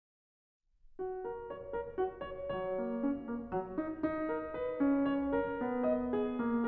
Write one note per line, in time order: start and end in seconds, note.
0.74 1.21 F#4
1.21 1.45 A#4
1.45 1.73 C#5
1.73 1.98 A#4
1.98 2.23 F#4
2.23 2.51 C#5
2.55 2.86 F#3
2.55 2.65 D#5
2.65 2.73 C#5
2.73 2.89 D#5
2.86 3.06 A#3
2.86 2.96 C#5
2.96 3.04 D#5
3.04 3.30 C#4
3.04 4.26 C#5
3.30 3.56 A#3
3.56 3.81 F#3
3.81 3.97 D#4
4.02 4.85 D#4
4.26 4.53 A#4
4.53 5.08 B4
4.85 5.61 C#4
5.08 5.32 C#5
5.32 5.87 A#4
5.61 6.38 B3
5.87 6.13 D#5
6.13 6.67 G#4
6.38 6.67 A#3